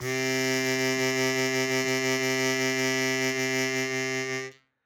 <region> pitch_keycenter=48 lokey=48 hikey=50 volume=6.155485 trigger=attack ampeg_attack=0.004000 ampeg_release=0.100000 sample=Aerophones/Free Aerophones/Harmonica-Hohner-Super64/Sustains/Vib/Hohner-Super64_Vib_C2.wav